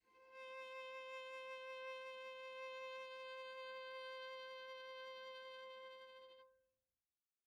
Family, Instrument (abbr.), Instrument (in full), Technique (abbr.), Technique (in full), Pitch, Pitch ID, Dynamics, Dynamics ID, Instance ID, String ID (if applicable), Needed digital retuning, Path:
Strings, Va, Viola, ord, ordinario, C5, 72, pp, 0, 0, 1, FALSE, Strings/Viola/ordinario/Va-ord-C5-pp-1c-N.wav